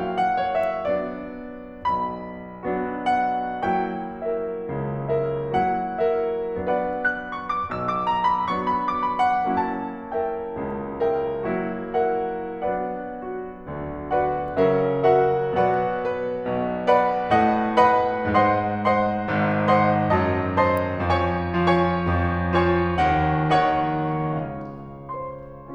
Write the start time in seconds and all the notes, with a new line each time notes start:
0.01 F#3 A#3 C#4 E4 F#4 F5
0.18 F#5
0.37 C#5
0.56 E5
0.85 F#3 B3 D4 F#4 D5
1.88 B1 B2 B5
2.64 F#3 B3 D4 F#4
3.07 F#5
3.79 F#3 A#3 E4 F#4 G5
4.28 A#4 E5
4.67 C#2 C#3
5.09 A#4 E5
5.51 F#3 A#3 E4 F#4 F#5
6.05 A#4 E5
6.66 F#3 B3 D4 F#4 B4 D5 F#5
6.94 F#6
7.24 C#6
7.47 D6
7.67 B1 B2 E6
7.87 D6
8.09 A#5
8.30 B5
8.49 F#3 B3 D4 F#4 C#6
8.66 B5
8.85 D6
9.04 B5
9.27 F#5
9.67 F#3 A#3 E4 F#4 A5
10.12 A#4 E5 G5
10.54 C#2 C#3
11.00 A#4 E5 G5
11.45 F#3 A#3 E4 F#4
11.96 A#4 E5 F#5
12.60 F#3 B3 D4 F#4 B4 D5 F#5
13.29 F#4
13.69 D2 D3
14.10 F#4 B4 D5 F#5
14.59 C#3 F#3 C#4 A#4 E5
15.15 F#4 A#4 E5 F#5
15.57 B2 F#3 B3 F#4 B4 D5 F#5
16.00 B4
16.41 B1 B2
16.91 B4 D5 F#5 B5
17.30 A2 A3 D#5 F#5
17.78 B4 D#5 F#5 B5
18.30 G#2 G#3 C5 D#5 F#5 C6
18.83 C5 D#5 F#5 C6
19.21 G#1 G#2
19.70 C5 D#5 F#5 C6
20.16 F#2 F#3 A5
20.59 C5 D#5 A5 C6
21.04 F2 F3 C#5 G#5 C#6
21.53 F3 F4 C#5 G#5 C#6
21.96 F2 F3
22.48 F3 F4 C#5 G#5 C#6
22.94 D#2 D#3 F#5
23.50 D#3 D#4 C#5 F#5 C#6
24.35 C#2 C#3 F5
25.06 C5 C6